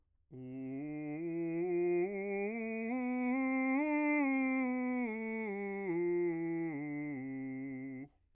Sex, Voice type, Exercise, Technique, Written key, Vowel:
male, bass, scales, slow/legato piano, C major, u